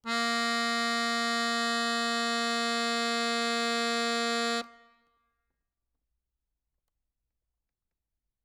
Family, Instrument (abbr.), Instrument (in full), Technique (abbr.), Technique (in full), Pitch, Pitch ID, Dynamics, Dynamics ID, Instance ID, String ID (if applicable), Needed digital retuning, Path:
Keyboards, Acc, Accordion, ord, ordinario, A#3, 58, ff, 4, 0, , FALSE, Keyboards/Accordion/ordinario/Acc-ord-A#3-ff-N-N.wav